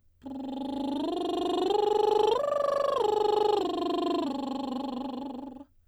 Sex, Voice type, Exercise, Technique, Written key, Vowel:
female, soprano, arpeggios, lip trill, , u